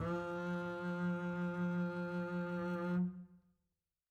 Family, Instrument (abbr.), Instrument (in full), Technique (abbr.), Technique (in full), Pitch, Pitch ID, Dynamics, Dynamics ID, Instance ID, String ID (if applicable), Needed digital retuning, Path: Strings, Cb, Contrabass, ord, ordinario, F3, 53, mf, 2, 2, 3, FALSE, Strings/Contrabass/ordinario/Cb-ord-F3-mf-3c-N.wav